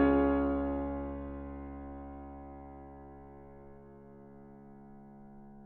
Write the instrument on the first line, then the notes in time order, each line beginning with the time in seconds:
piano
0.00 C#2 C#4 F4 G#4 C#5